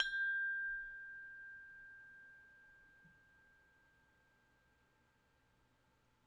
<region> pitch_keycenter=79 lokey=79 hikey=80 tune=-32 volume=15.112785 lovel=66 hivel=99 ampeg_attack=0.004000 ampeg_release=30.000000 sample=Idiophones/Struck Idiophones/Tubular Glockenspiel/G0_medium1.wav